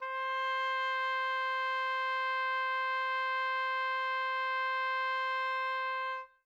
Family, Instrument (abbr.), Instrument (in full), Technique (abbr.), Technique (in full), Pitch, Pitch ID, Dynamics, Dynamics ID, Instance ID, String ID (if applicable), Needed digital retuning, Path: Winds, Ob, Oboe, ord, ordinario, C5, 72, mf, 2, 0, , FALSE, Winds/Oboe/ordinario/Ob-ord-C5-mf-N-N.wav